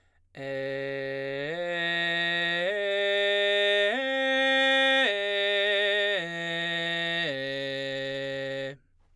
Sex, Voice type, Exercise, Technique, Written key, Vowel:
male, baritone, arpeggios, belt, , e